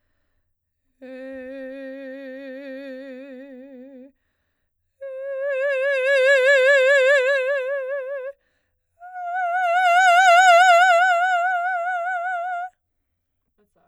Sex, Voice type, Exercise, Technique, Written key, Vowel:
female, soprano, long tones, messa di voce, , e